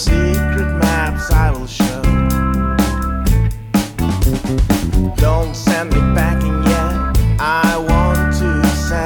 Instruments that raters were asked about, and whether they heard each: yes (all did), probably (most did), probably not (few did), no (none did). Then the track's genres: cymbals: probably
clarinet: no
Indie-Rock; Experimental Pop